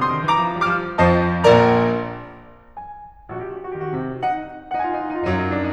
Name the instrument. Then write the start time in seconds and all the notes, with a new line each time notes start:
piano
0.00 D3 C6 D#6
0.14 D#3
0.26 E3 A#5 D6
0.49 F3
0.62 G3 D6 F6
0.80 F3
1.00 F2 F3 C5 D#5 A5
1.47 A#1 A#2 A#4 D5 A#5
2.75 G#5
3.34 A#1 F#4
3.40 G4
3.45 F#4
3.49 F#4 G4
3.59 G4
3.65 F#4
3.69 G4
3.77 D3 F#4
3.82 D#3 G4
3.88 D3 F#4
3.92 D#3 G4
4.01 D3 F#4
4.05 D#3 G4
4.13 C3 F#4
4.18 D3 G4
4.23 D#3 D#4 F#5
4.69 D#4 F#5
4.78 F4 G#5
4.83 D#4 F#5
4.92 F4 G#5
4.99 D#4 F#5
5.06 F4 G#5
5.14 D#4 F#5
5.19 F4 G#5
5.25 F#2 F#3 D#4
5.32 F4
5.38 D#4
5.45 F4
5.51 D#4
5.57 F4
5.62 D4
5.68 D#4